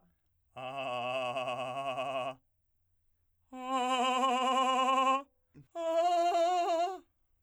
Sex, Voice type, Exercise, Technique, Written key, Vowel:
male, , long tones, trillo (goat tone), , a